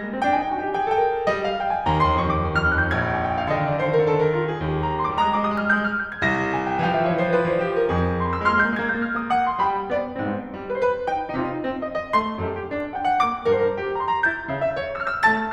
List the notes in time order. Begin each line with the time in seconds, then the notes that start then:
0.00 A#3
0.12 C4
0.22 D4 G5
0.27 G#5
0.35 D#4 G5
0.43 G#5
0.48 F4 G5
0.63 G#5
0.67 G4 G5
0.73 G#5
0.80 G#4 G5
0.85 G#5
0.92 A4 G5
0.98 G#5
1.03 A#4 G5
1.10 G#5
1.20 G5
1.25 G#5
1.32 G3 D#5
1.45 F5
1.57 G5
1.70 G#5
1.87 D#2 A#5
1.95 F2
2.05 D#2 C6
2.10 F2
2.16 D#2 C#6
2.22 F2
2.29 D#2 F2 D6
2.37 D#2 D#6
2.43 F2
2.47 D#2 F6
2.55 F2
2.65 D#2 F#6
2.75 F2
2.80 D#2 G6
2.86 F2
2.97 A#1 A#5 G#6
3.12 G#5
3.25 G5
3.36 F5
3.45 D3 D#5 F5
3.59 D3 D5
3.67 D#3
3.82 D3 C5
3.92 D3 A#4
3.98 D#3
4.10 D3 A4
4.24 D3 A#4
4.38 D3 F4
4.48 D3 G#4
4.59 D#2 G4
4.81 A#5
4.95 C6
5.05 D6
5.21 G3 A#4 D#6
5.26 G#3
5.31 G3 D6
5.36 G#3
5.41 G3 D#6
5.46 G#3
5.51 G3 F6
5.56 G#3
5.61 G3 G6
5.68 G#3
5.77 G3 F6
5.82 G#3
5.89 G3 G6
5.96 G#3
6.00 G3 G#6
6.15 G#3
6.25 C2 A#6
6.56 G#5
6.70 G5
6.80 E3 F5 G5
6.86 F3
6.94 E3 E5
7.00 F3
7.05 E3 C#5
7.12 F3
7.22 E3 C5
7.30 F3
7.36 E3 B4
7.47 F3
7.51 E3 C5
7.62 F3
7.69 E3 G4
7.74 F3
7.79 E3 A#4
7.85 F3
7.89 F2 G#4
8.20 C6
8.43 E6
8.60 G#3 C5 F6
8.66 A#3
8.71 G#3 G6
8.78 A#3
8.84 G#3 G#6
8.89 A#3
8.95 G#3 G6
9.01 A#3
9.06 G#3 F6
9.14 A#3
9.20 G#3 D#6
9.28 A#3
9.36 G#3 F#4 D6
9.40 A#3
9.47 G#3 C6
9.54 A#3
9.60 G3 G4 B5
9.91 B3 D5
10.16 G2 B3
10.21 G#2 C4
10.27 G2 B3
10.43 G#2 C4
10.52 G3
10.74 B4
10.84 C5
10.94 B4
11.01 C5
11.09 D#4 G5
11.32 C3 D#4
11.37 D3 F4
11.41 C3 D#4
11.48 D3 F4
11.58 C4
11.94 D#5
11.98 F5
12.05 D#5
12.10 F5
12.14 G#3 C6
12.36 F#2 A4
12.43 G2 A#4
12.48 F#2 A4
12.63 G2 A#4
12.69 D4
12.95 F#5
12.99 G5
13.07 F#5
13.17 G5
13.25 A#3 D6
13.50 G2 A#4
13.61 A2 C5
13.66 G2 A#4
13.71 A2 C5
13.77 G4
13.99 A#5
14.04 C6
14.12 A#5
14.19 C6
14.27 E4 G6
14.48 C#3 E5
14.52 D3 F5
14.57 C#3 E5
14.62 D3 F5
14.68 C#5
14.91 E6
14.97 F6
15.06 E6
15.10 F6
15.24 A3 A5 A6